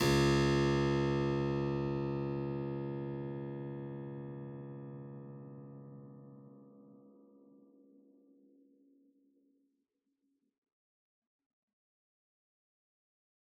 <region> pitch_keycenter=37 lokey=37 hikey=37 volume=1.869011 trigger=attack ampeg_attack=0.004000 ampeg_release=0.400000 amp_veltrack=0 sample=Chordophones/Zithers/Harpsichord, Unk/Sustains/Harpsi4_Sus_Main_C#1_rr1.wav